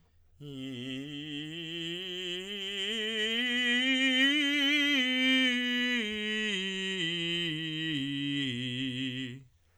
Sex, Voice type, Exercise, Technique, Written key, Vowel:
male, tenor, scales, slow/legato forte, C major, i